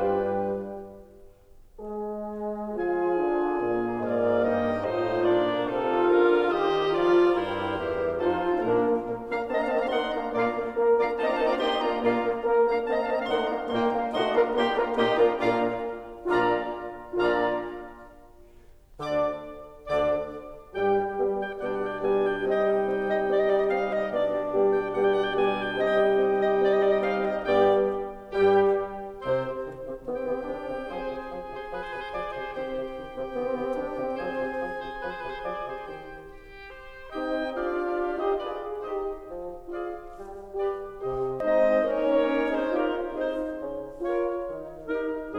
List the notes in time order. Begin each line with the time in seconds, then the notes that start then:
0.00 G2 G3 D4 G4 B4 G5
1.78 G#3 G#4
2.73 F3 F4 G#4 G#5
3.15 D3 D4
3.54 A#2 A#3 F4
4.11 G#2 G#3 A#3 F4 A#4 D5 F5
4.50 G2 G3 D#4 D#5 G5
4.92 A2 A3 D#4 F4 C5 D#5
5.33 A#2 A#3 D4 A#4 D5
5.74 C3 C4 D#4 F4 A4 F5
6.14 D3 D4 F4 A#4
6.55 D#3 D#4 G4 C5 D#5
6.98 F3 F4 A#4 D5
7.38 G2 G3 E4 A#4 C5
7.77 E2 E3 G4
8.19 F2 F3 D#4 F4 A4 C5
8.54 A#2 A#3 D4 A#4
8.77 A#3
8.96 A#2 A#3
9.18 A#3 D4 F5 A#5
9.46 A#3 C4 D#5 A5
9.56 D4 F5 A#5
9.67 A#3 C4 D#5 A5
9.79 D4 F5 A#5
9.93 A#3 D#4 F#5 C6
10.15 A#3 D4 F5 A#5
10.29 A#2 A#3 D4 F4 D5 F5 A#5
10.54 A#3
10.72 A#3 A#4
10.92 A#3 D4 F4 D5 F5 A#5
11.13 A#3 C4 D#4 C5 D#5 A5
11.24 D4 F4 D5 F5 A#5
11.34 A#3 C4 D#4 C5 D#5 A5
11.44 D4 F4 D5 F5 A#5
11.54 A#3 D#4 G4 D#5 G5 C6
11.75 A#3 D4 F4 D5 F5 A#5
11.94 A#2 A#3 D4 F4 D5 F5 A#5
12.14 A#3
12.35 A#3 A#4
12.68 A#3 D4 F5 A#5
12.86 A#3 C4 D#5 A5
12.98 D4 F5 A#5
13.12 A#3 C4 D#5 A5
13.22 D4 F5 A#5
13.33 A3 A#3 D#4 F#5 C6
13.54 A#3 D4 F5 A#5
13.77 A#2 A#3 D#4 G5 C6
13.94 A#3 D4 F5 A#5
14.12 A#2 F3 D#4 F#4 D#5 F#5 C6
14.33 A#3 D4 F4 A#4 D5 F5 A#5
14.55 A#2 A#3 D#4 G4 D#5 G5 C6
14.74 A#3 D4 F4 A#4 D5 F5 A#5
14.95 A#2 A#3 D#4 G4 D#5 G5 C6
15.17 A#3 D4 F4 A#4 D5 F5 A#5
15.36 A#2 A#3 D4 F4 D5 F5 A#5
15.99 A#2 D4 F4 D5 F5 A#5 D6
16.95 A#2 D4 F4 D5 F5 A#5 D6
18.99 D2 D3 D4 D5 D6
19.89 D2 D3 D4 D5 D6
20.75 G2 G3 G4 G5
20.90 G3
21.22 G3 B3 G4
21.47 G3 G5
21.66 B2 G3 B3 D4 G4 D5 F#5
21.77 G5
21.87 G3 F#5
21.95 G5
22.04 G3 B3 G4 G#5
22.21 G3 G5
22.38 C3 G3 C4 D#4 G4 D#5 G5
22.62 G3
22.84 C4
23.08 G3 D#5
23.32 C4 D5
23.42 D#5
23.50 G3 D5
23.59 D#5
23.65 C4 F5
23.84 G3 D#5
24.02 B2 G3 B3 D4 G4 D5
24.18 G3
24.42 G3 B3 G4
24.62 G3 G5
24.86 G3 B3 G4 F#5
24.97 G5
25.10 G3 F#5
25.19 G5
25.33 G3 B3 G4 G#5
25.57 G3 G5
25.80 C3 G3 C4 D#4 G4 D#5 G5
26.02 G3
26.25 C4
26.51 G3 D#5
26.70 C4 D5
26.80 D#5
26.92 G3 D5
27.03 D#5
27.16 C4 F5
27.36 G3 D#5
27.61 G2 G3 B3 D4 G4 D5 G5
28.39 G2 G3 G4 G5
29.25 C2 C3 C4 C5
29.48 C3
29.66 E3
29.86 C3 C4
30.04 E3 B3 G4 G5
30.14 C4
30.24 C3 B3
30.37 C4
30.46 E3 D4
30.65 C3 C4
30.89 F3 C4 G#4 C5 G#5
31.08 C3
31.30 F3
31.51 C3 C5
31.73 F3 B4
31.83 C5
31.95 C3 B4
32.06 C5
32.14 F3 D5
32.31 C3 C5
32.52 E3 C4 G4 C5 G5
32.68 C3
32.87 E3
33.05 C3 C4
33.30 E3 B3
33.40 C4
33.52 C3 B3
33.63 C4
33.74 E3 D4
33.97 C3 C4
34.17 F3 C4 G#4 C5 G#5
34.40 C3
34.62 F3
34.80 C3 C5
34.97 F3 B4
35.07 C5
35.19 C3 B4
35.31 C5
35.42 F3 D5
35.64 C3 C5
35.85 D#3 G4 C5 G5
36.26 G4
36.72 C5
37.15 C4 D#4 G4 D#5 G5
37.62 D4 F4 G4 D5 F5
38.19 D#4 G4 C5 D#5
38.39 F4 G#4 B4 D5
38.79 D#4 G4 C5 D#5
39.25 F3
39.68 F4 G#4 D5 F5
40.07 G3
40.54 G4 B4 D5
40.99 C3 G4 C5 D#5
41.35 D#4 D#5
41.56 G#4 D#5
41.68 G#3 C4 D#4 C5 D#5
41.95 A#3 C#4 D#4 A#4 C#5
42.50 C4 D#4 G#4 C5
42.72 C#4 F4 G4 A#4
43.15 C4 D#4 G#4 C5
43.58 C#3 C#4
43.99 F4 A#4 C#5
44.49 D#3 D#4
44.97 D#4 G4 A#4